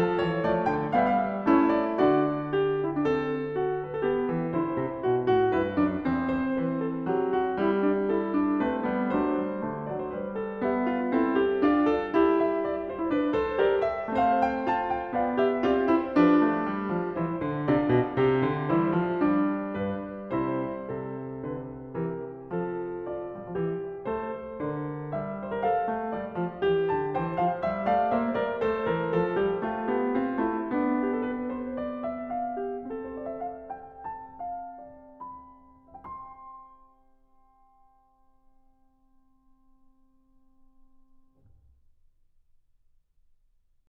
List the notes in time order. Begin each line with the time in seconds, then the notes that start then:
0.00 A4 A5
0.21 E3 C#5
0.43 F3 A3 D5
0.66 D3
0.71 G5
0.92 G3 B3 F5
1.03 E5
1.16 F5
1.23 E5
1.28 F5
1.32 E5
1.50 A3 C#4 E4
1.76 D5
1.95 D3 D4 F#4 D5
2.48 G4
2.86 E4
2.95 D4
3.05 C4
3.11 A4
3.54 F#4
3.87 B4
3.99 A4
4.06 B3
4.12 G4
4.32 E3
4.52 D3 E4
4.56 C5
4.77 C3
5.03 B2
5.25 A2 F#4
5.51 G2 E4
5.56 B4
5.74 F#2 D4
5.97 E2 C4
6.29 C5
6.49 E3
6.54 B4
6.79 A4
7.01 F#3
7.13 G4
7.35 F#4
7.55 G3 E4 G4
7.80 D4
8.05 E4 A4
8.34 D4
8.67 A3 C4
8.74 B4
8.92 G3 B3
9.18 F#3 A3
9.23 D4 C5
9.43 G3
9.64 D3 A3
9.87 F#3
9.91 D5
10.04 C5
10.10 G3
10.16 B4
10.43 A4
10.59 B3
10.63 G4 E5
10.86 F4
11.09 C4
11.15 E4 A4
11.38 G4
11.58 D4
11.62 F4 D5
11.90 A4
12.11 E4
12.16 G4
12.39 E5
12.63 D5
12.85 F4
12.91 C5
12.98 E4
13.08 D4
13.13 B4
13.37 A4 C5
13.56 G4
13.62 A#4 D5
13.86 E5
14.11 A3 C4
14.18 C5 F5
14.40 G5
14.61 F4
14.68 A5
14.92 G5
15.13 B3
15.19 D5 F5
15.34 G4
15.38 E5
15.64 C4 F4
15.71 G4 D5
15.89 E4
15.98 C5
16.18 F3 D4
16.25 G4 C5
16.30 B4
16.35 C5
16.40 A3 B4
16.70 G3
16.92 F3
17.14 E3 E4
17.19 C5
17.38 D3
17.68 C3 D4
17.74 F4 D5
17.93 B2
18.13 C3
18.25 G4
18.48 D3
18.72 E3 G3
18.78 E4 C5
18.99 F3
19.27 G3
19.35 D4
19.76 G2
19.83 B4
20.26 C3
20.33 E4 C5
20.90 C3
20.97 A4
21.42 D3
21.48 B4
21.90 E3
21.97 G4 A#4
22.47 F3
22.62 A4
23.12 F4 D5
23.29 G3
23.42 F3
23.52 E3
23.61 G4
24.03 A3
24.13 A4 C5
24.60 D3
24.66 A#4 D5
25.07 G3
25.14 E5
25.43 C5
25.54 A#4
25.63 A4 F5
25.84 A3
26.11 G3
26.19 D5
26.34 F3
26.61 E3
26.69 G4
26.88 D3
26.94 A5
27.14 E3
27.19 G5
27.24 C5
27.39 F3
27.43 F5
27.62 G3
27.68 E5
27.84 A3
27.90 D5 F5
28.06 A#3
28.12 C5 E5
28.34 G3
28.40 A#4 D5
28.58 A3
28.64 C5
28.69 A4
28.84 E3
28.93 A#4
29.09 F3
29.21 A4
29.38 G3
29.48 G4
29.62 A3
29.72 F4
29.90 B3
30.00 G4
30.14 C4
30.22 F4
30.37 A3
30.50 E4
30.70 B3 D4
31.03 G4
31.14 A4
31.22 B4
31.51 C5
31.75 D5
32.02 E5
32.33 F5
32.58 G4
32.82 C4
32.91 A4
33.02 C5
33.16 D5
33.29 E5
33.45 F5
33.72 G5
34.02 A5
34.40 F5
34.82 D5
35.24 B5
35.77 E5 G5 C6